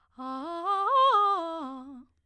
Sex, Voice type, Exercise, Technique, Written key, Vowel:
female, soprano, arpeggios, fast/articulated piano, C major, a